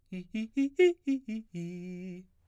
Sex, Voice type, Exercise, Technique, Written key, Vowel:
male, baritone, arpeggios, fast/articulated piano, F major, i